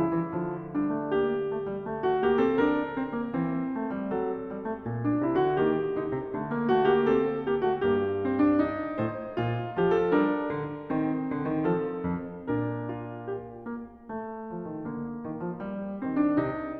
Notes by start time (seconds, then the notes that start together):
0.00 C#3 F3 E4
0.13 E3
0.29 D3 F3
0.74 G3 D4
0.98 A3
1.15 A#3 G4
1.49 A3
1.65 G3
1.87 A3
2.02 F#4
2.22 A#3 G4
2.41 C4 A4
2.60 D4 A#4
2.98 C4
3.16 A#3
3.31 E3 C4
3.78 A3
3.96 G3
4.12 F#3 A4
4.49 G3
4.66 A3
4.84 A#2
5.05 D4
5.25 C3 E4
5.40 D3 F#4
5.60 D#3 A#3 G4
6.00 D3 D#4
6.15 C3
6.36 D3 A3
6.55 A#3
6.75 A3 F#4
6.90 A#3 G4
7.08 C4 A4
7.43 A#3 G4
7.64 A3 F#4
7.86 G2 A#3 G4
8.24 C4
8.39 D4
8.54 D#4
8.95 A2 C5
9.38 A#2 F4
9.74 F3 G4
9.91 A4
10.09 G3 D4 A#4
10.58 D3
10.89 D#3 C4
11.31 D3
11.51 D#3
11.67 F3 A4
11.98 F2
12.41 A#2 D4 A#4
12.98 F4
13.35 G4
13.66 A#3
14.11 A3
14.54 F3
14.66 D#3
14.85 D3 A#3
15.26 D#3
15.41 F3
15.60 G3
16.02 D#3 C4
16.22 D4
16.38 C3 D#4